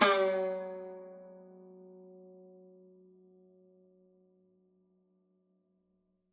<region> pitch_keycenter=54 lokey=53 hikey=55 volume=1.926453 lovel=100 hivel=127 ampeg_attack=0.004000 ampeg_release=0.300000 sample=Chordophones/Zithers/Dan Tranh/Normal/F#2_ff_1.wav